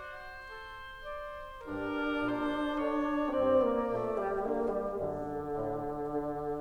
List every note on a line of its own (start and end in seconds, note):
0.00 0.53 F#4
0.00 1.61 C5
0.53 1.14 A4
1.14 1.61 D5
1.61 2.23 G2
1.61 3.27 D4
1.61 2.79 G4
1.61 2.23 A#4
2.23 2.79 A#2
2.23 2.79 C5
2.79 3.27 D3
2.79 3.27 C#5
3.27 3.81 G2
3.27 3.54 C4
3.27 4.45 D5
3.54 3.81 A#3
3.81 4.45 A#2
3.81 4.08 A3
4.08 4.45 G3
4.45 4.92 D3
4.45 4.66 A#3
4.66 4.92 G3
4.92 5.36 F#2
4.92 6.61 D3
5.36 5.84 A2
5.84 6.61 D3